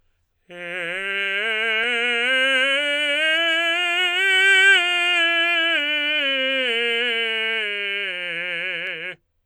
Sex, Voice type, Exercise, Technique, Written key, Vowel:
male, tenor, scales, slow/legato forte, F major, e